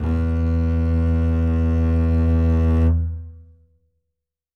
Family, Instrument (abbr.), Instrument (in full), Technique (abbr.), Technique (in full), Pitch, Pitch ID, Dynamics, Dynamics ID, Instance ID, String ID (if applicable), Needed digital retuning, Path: Strings, Cb, Contrabass, ord, ordinario, E2, 40, ff, 4, 3, 4, FALSE, Strings/Contrabass/ordinario/Cb-ord-E2-ff-4c-N.wav